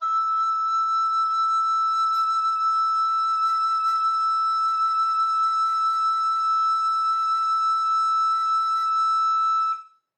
<region> pitch_keycenter=88 lokey=88 hikey=91 volume=14.513495 offset=460 ampeg_attack=0.004000 ampeg_release=0.300000 sample=Aerophones/Edge-blown Aerophones/Baroque Alto Recorder/SusVib/AltRecorder_SusVib_E5_rr1_Main.wav